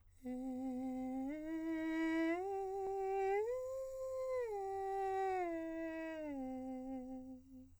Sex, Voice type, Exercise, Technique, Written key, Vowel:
male, countertenor, arpeggios, breathy, , e